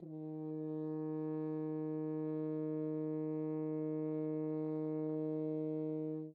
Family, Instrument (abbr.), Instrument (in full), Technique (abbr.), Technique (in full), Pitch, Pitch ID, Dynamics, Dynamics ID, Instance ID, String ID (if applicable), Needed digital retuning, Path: Brass, Hn, French Horn, ord, ordinario, D#3, 51, mf, 2, 0, , FALSE, Brass/Horn/ordinario/Hn-ord-D#3-mf-N-N.wav